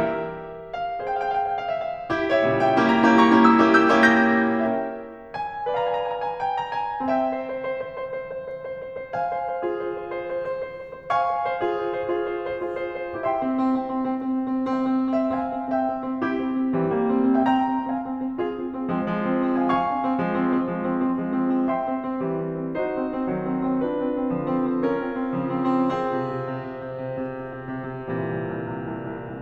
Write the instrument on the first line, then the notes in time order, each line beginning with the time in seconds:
piano
0.00 G4 A#4 E5
0.88 F5
1.04 G#4 C5 G5
1.10 F5
1.15 F5 G5
1.24 F5 G5
1.34 F5 G5
1.43 G5
1.49 F5
1.53 G5
1.58 F5 G5
1.66 F5 G5
1.73 F5
1.78 F5 G5
1.86 G5
1.90 E5 F5 G5
2.02 F5
2.11 D#4 G4
2.30 C#5 E5
2.47 A#2 C#3 E3 G3
2.65 E5 G5
2.83 A#3 C#4 E4 G4
3.04 G5 A#5
3.27 A#3 C#4 E4 G4
3.54 A#5 C#6
3.72 A#3 C#4 E4 G4
3.90 C#6 E6
4.06 A#3 C#4 E4 G4
4.26 E6 G6
4.48 A#4 C#5 E5 G5
5.46 G#5
5.75 B4 D5 F5 A#5
5.79 G#5
5.85 A#5
5.92 G#5
5.97 A#5
6.01 G#5
6.06 A#5
6.11 G#5
6.16 A#5
6.21 G#5
6.26 A#5
6.30 G#5
6.37 A#5
6.42 G#5
6.47 A#5
6.52 G#5
6.57 A#5
6.62 G#5
6.68 G5
6.78 A#5
6.90 G#5
7.01 C4 E5 G5
7.20 C5
7.34 C5
7.47 C5
7.63 C5
7.85 C5
7.98 C5
8.15 C5
8.37 C5
8.54 C5
8.72 C5
8.96 C5
9.16 F5 G#5
9.31 C5
9.50 C5
9.67 F4 G#4
9.86 C5
10.12 C5
10.30 C5
10.41 C5
10.60 C5
10.72 C5
10.83 C5
10.94 C5
11.12 F5 G#5 C#6
11.25 C5
11.40 C5
11.63 F4 G#4
11.78 C5
11.96 C5
12.12 F4 G#4
12.27 C5
12.45 C5
12.61 F4 G#4
12.78 C5
13.01 C5
13.22 E4 G4 E5 G5 C6
13.42 C4
13.58 C4
13.83 C4
14.04 C4
14.27 C4
14.44 C4
14.65 C4
14.83 C4
14.99 C4 E5 G5
15.19 C4
15.30 C4
15.37 E5 G5
15.44 C4 F5 G#5
15.58 C4
15.71 C4 E5 G5
15.92 C4
16.03 C4
16.20 C4 E4 G4
16.38 C4
16.56 C4
16.75 E3 G3 C4
16.95 G3 A#3
17.16 C4
17.33 C4
17.43 E5 G5
17.51 C4 G5 A#5
17.68 C4
17.87 C4 F5 G#5
18.07 C4
18.24 C4
18.43 C4 F4 G#4
18.59 C4
18.74 C4
18.94 F3 G#3 C4
19.18 F3 G#3
19.34 C4
19.54 C4
19.62 F5 G#5
19.70 F5 G#5 C#6
19.84 C4
20.00 C4
20.20 F3 G#3
20.35 C4
20.53 C4
20.68 F3 G#3
20.87 C4
21.04 C4
21.20 F3 G#3
21.44 C4
21.62 C4
21.77 E5 G5 C6
21.91 C4
22.04 C4
22.20 E3 G3
22.45 C4
22.63 C4
22.78 D#4 F#4 C5
22.92 C4
23.10 C4
23.28 D#3 F#3
23.44 C4
23.65 C4
23.85 D4 F4 B4
24.04 C4
24.18 C4
24.33 D3 F3
24.52 C4
24.68 C4
24.82 C#4 F4 A#4
25.01 C4
25.19 C4
25.37 C#3 F3
25.58 C4
25.81 C4
26.02 C4 F4 G#4
26.25 C3
26.51 C3
26.67 C3
26.88 C3
27.11 C3
27.30 C3
27.46 C3
27.67 C3
27.85 C3
28.01 C3
28.25 C3
28.47 A#2 C3 E3 G3
28.68 C2
28.98 C2
29.18 C2